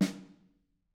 <region> pitch_keycenter=61 lokey=61 hikey=61 volume=13.834479 offset=207 lovel=84 hivel=106 seq_position=1 seq_length=2 ampeg_attack=0.004000 ampeg_release=15.000000 sample=Membranophones/Struck Membranophones/Snare Drum, Modern 2/Snare3M_HitSN_v4_rr1_Mid.wav